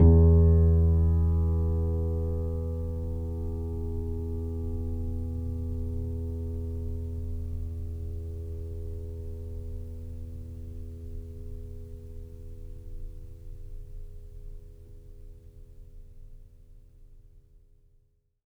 <region> pitch_keycenter=40 lokey=40 hikey=41 volume=-2.766019 lovel=0 hivel=65 locc64=0 hicc64=64 ampeg_attack=0.004000 ampeg_release=0.400000 sample=Chordophones/Zithers/Grand Piano, Steinway B/NoSus/Piano_NoSus_Close_E2_vl2_rr1.wav